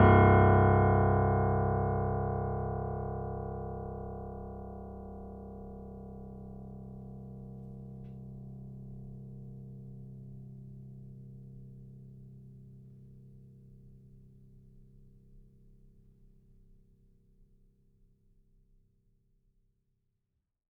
<region> pitch_keycenter=24 lokey=24 hikey=25 volume=1.712133 lovel=66 hivel=99 locc64=0 hicc64=64 ampeg_attack=0.004000 ampeg_release=0.400000 sample=Chordophones/Zithers/Grand Piano, Steinway B/NoSus/Piano_NoSus_Close_C1_vl3_rr1.wav